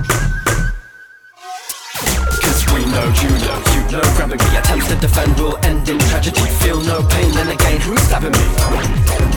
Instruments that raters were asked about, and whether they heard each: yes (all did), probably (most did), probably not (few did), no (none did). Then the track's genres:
flute: probably not
bass: probably
Hip-Hop; Rap